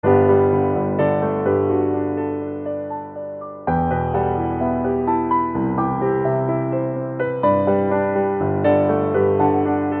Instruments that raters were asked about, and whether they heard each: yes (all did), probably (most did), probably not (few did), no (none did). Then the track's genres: piano: yes
Contemporary Classical